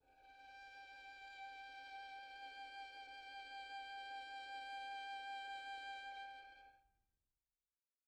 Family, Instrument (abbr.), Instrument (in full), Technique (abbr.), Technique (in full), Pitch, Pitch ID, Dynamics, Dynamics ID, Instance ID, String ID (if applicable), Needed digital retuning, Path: Strings, Vn, Violin, ord, ordinario, G5, 79, pp, 0, 2, 3, FALSE, Strings/Violin/ordinario/Vn-ord-G5-pp-3c-N.wav